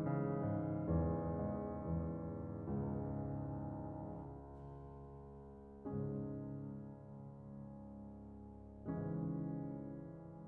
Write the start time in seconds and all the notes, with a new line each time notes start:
0.00 C#3
0.41 G#2
0.85 E2
1.27 G#2
1.82 E2
2.66 C#2
5.12 C#2 G#2 C#3 E3 G#3 C#4
8.19 C#2 G#2 C#3 E3 G#3 C#4